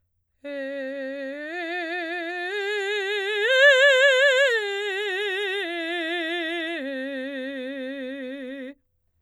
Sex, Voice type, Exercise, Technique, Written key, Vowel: female, soprano, arpeggios, vibrato, , e